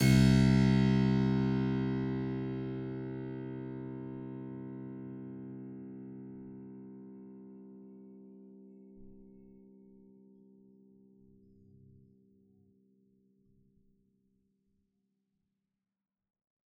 <region> pitch_keycenter=36 lokey=36 hikey=37 volume=-1.678825 trigger=attack ampeg_attack=0.004000 ampeg_release=0.400000 amp_veltrack=0 sample=Chordophones/Zithers/Harpsichord, Flemish/Sustains/Low/Harpsi_Low_Far_C1_rr1.wav